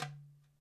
<region> pitch_keycenter=63 lokey=63 hikey=63 volume=7.941821 lovel=0 hivel=83 seq_position=2 seq_length=2 ampeg_attack=0.004000 ampeg_release=30.000000 sample=Membranophones/Struck Membranophones/Darbuka/Darbuka_4_hit_vl1_rr2.wav